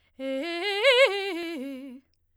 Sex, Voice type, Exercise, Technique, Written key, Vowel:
female, soprano, arpeggios, fast/articulated forte, C major, e